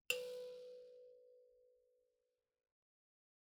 <region> pitch_keycenter=71 lokey=71 hikey=72 tune=-14 volume=24.575997 offset=4662 seq_position=1 seq_length=2 ampeg_attack=0.004000 ampeg_release=30.000000 sample=Idiophones/Plucked Idiophones/Mbira dzaVadzimu Nyamaropa, Zimbabwe, Low B/MBira4_pluck_Main_B3_3_50_100_rr2.wav